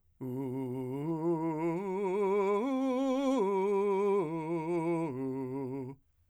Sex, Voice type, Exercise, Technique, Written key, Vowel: male, , arpeggios, slow/legato forte, C major, u